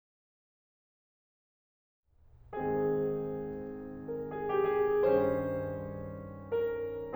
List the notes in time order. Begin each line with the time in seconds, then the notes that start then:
2.05 G#2 D#3 G#3 C4 G#4
4.19 A#4
4.36 G#4
4.54 G4
4.74 G#4
5.04 G2 D#3 G3 C#4 C5
6.81 A#4